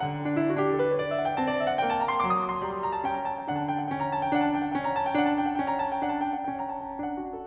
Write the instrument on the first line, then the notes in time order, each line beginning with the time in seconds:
piano
0.00 D3 F#5
0.19 D4
0.33 E4
0.41 F#4
0.55 D4 G4
0.65 A4
0.77 B4
0.87 C#5
0.96 D5
1.06 E5
1.15 F#5
1.23 G5
1.30 C4 A5
1.38 D5
1.56 E5
1.68 F#5
1.78 A#3 G5
1.90 A5
2.00 A#5
2.14 C6
2.26 F#3 D6
2.35 D#6
2.43 D6
2.51 C6
2.61 G3 A#5
2.74 C6
2.83 A#5
2.94 A5
3.02 C#4 G5
3.13 A#5
3.30 A5
3.39 G5
3.48 D3 D4 F#5
3.58 A5
3.68 G5
3.78 F#5
3.87 C#4 G5
3.98 A#5
4.10 A5
4.18 G5
4.33 D4 F#5
4.45 A5
4.56 G5
4.70 F#5
4.81 C#4 G5
4.90 A#5
4.98 A5
5.07 G5
5.18 D4 F#5
5.27 A5
5.38 G5
5.48 F#5
5.56 C#4 G5
5.70 A#5
5.79 A5
5.89 G5
6.00 D4 F#5
6.08 A5
6.20 G5
6.33 F#5
6.46 C#4 G5
6.66 A#5
6.82 A5
6.92 G5
7.01 D4 F#5
7.20 F#4
7.36 A4